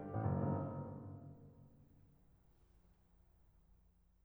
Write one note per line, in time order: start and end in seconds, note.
0.14 0.24 A1
0.26 0.39 F#1
0.41 1.24 G1